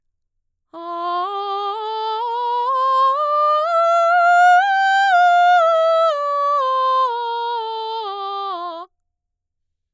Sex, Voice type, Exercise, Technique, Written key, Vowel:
female, mezzo-soprano, scales, slow/legato forte, F major, a